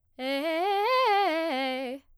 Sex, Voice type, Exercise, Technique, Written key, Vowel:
female, soprano, arpeggios, fast/articulated forte, C major, e